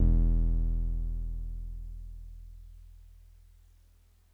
<region> pitch_keycenter=28 lokey=27 hikey=30 volume=7.948554 lovel=100 hivel=127 ampeg_attack=0.004000 ampeg_release=0.100000 sample=Electrophones/TX81Z/Piano 1/Piano 1_E0_vl3.wav